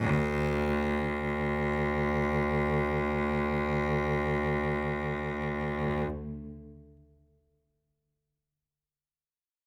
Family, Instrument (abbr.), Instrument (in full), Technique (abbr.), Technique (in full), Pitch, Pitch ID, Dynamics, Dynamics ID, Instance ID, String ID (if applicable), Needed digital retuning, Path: Strings, Vc, Cello, ord, ordinario, D2, 38, ff, 4, 3, 4, FALSE, Strings/Violoncello/ordinario/Vc-ord-D2-ff-4c-N.wav